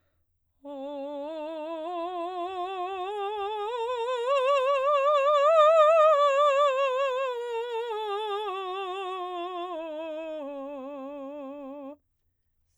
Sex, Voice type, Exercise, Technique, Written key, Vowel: female, soprano, scales, slow/legato piano, C major, o